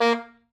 <region> pitch_keycenter=58 lokey=58 hikey=60 volume=8.311843 offset=10 lovel=84 hivel=127 ampeg_attack=0.004000 ampeg_release=2.500000 sample=Aerophones/Reed Aerophones/Saxello/Staccato/Saxello_Stcts_MainSpirit_A#2_vl2_rr3.wav